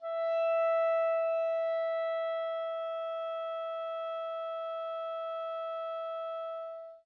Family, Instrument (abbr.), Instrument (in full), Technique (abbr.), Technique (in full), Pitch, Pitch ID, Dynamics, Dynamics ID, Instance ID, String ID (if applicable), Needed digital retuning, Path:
Winds, ClBb, Clarinet in Bb, ord, ordinario, E5, 76, mf, 2, 0, , FALSE, Winds/Clarinet_Bb/ordinario/ClBb-ord-E5-mf-N-N.wav